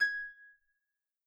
<region> pitch_keycenter=92 lokey=92 hikey=93 volume=14.939987 xfout_lovel=70 xfout_hivel=100 ampeg_attack=0.004000 ampeg_release=30.000000 sample=Chordophones/Composite Chordophones/Folk Harp/Harp_Normal_G#5_v2_RR1.wav